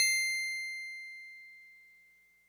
<region> pitch_keycenter=108 lokey=107 hikey=109 tune=-1 volume=11.759496 lovel=66 hivel=99 ampeg_attack=0.004000 ampeg_release=0.100000 sample=Electrophones/TX81Z/FM Piano/FMPiano_C7_vl2.wav